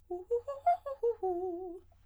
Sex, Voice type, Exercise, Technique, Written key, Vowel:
female, soprano, arpeggios, fast/articulated piano, F major, u